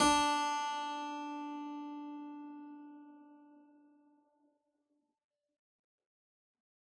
<region> pitch_keycenter=62 lokey=62 hikey=62 volume=1.224342 trigger=attack ampeg_attack=0.004000 ampeg_release=0.400000 amp_veltrack=0 sample=Chordophones/Zithers/Harpsichord, Unk/Sustains/Harpsi4_Sus_Main_D3_rr1.wav